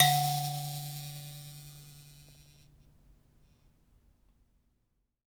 <region> pitch_keycenter=50 lokey=50 hikey=50 tune=20 volume=4.386862 ampeg_attack=0.004000 ampeg_release=15.000000 sample=Idiophones/Plucked Idiophones/Mbira Mavembe (Gandanga), Zimbabwe, Low G/Mbira5_Normal_MainSpirit_D2_k8_vl2_rr1.wav